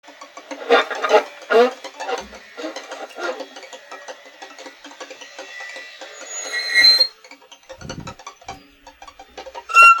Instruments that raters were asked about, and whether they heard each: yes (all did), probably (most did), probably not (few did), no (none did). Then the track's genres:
accordion: no
Avant-Garde; Lo-Fi; Noise; Experimental; Musique Concrete; Improv; Sound Art; Instrumental